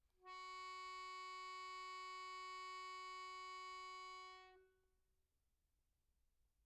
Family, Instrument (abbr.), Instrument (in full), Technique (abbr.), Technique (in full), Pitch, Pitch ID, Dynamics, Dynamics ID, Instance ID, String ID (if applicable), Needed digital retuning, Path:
Keyboards, Acc, Accordion, ord, ordinario, F#4, 66, pp, 0, 1, , FALSE, Keyboards/Accordion/ordinario/Acc-ord-F#4-pp-alt1-N.wav